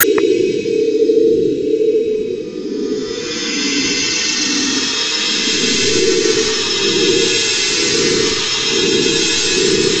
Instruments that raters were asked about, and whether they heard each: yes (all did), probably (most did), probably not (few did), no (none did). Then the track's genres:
cymbals: probably
Radio Art